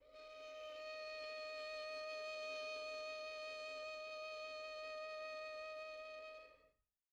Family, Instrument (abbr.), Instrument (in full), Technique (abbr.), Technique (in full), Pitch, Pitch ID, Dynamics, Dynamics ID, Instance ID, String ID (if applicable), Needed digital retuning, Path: Strings, Vn, Violin, ord, ordinario, D#5, 75, pp, 0, 3, 4, FALSE, Strings/Violin/ordinario/Vn-ord-D#5-pp-4c-N.wav